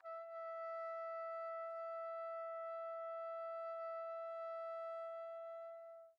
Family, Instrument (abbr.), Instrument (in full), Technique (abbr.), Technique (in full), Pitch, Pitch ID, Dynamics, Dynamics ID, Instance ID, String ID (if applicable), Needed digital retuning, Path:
Brass, TpC, Trumpet in C, ord, ordinario, E5, 76, pp, 0, 0, , TRUE, Brass/Trumpet_C/ordinario/TpC-ord-E5-pp-N-T31d.wav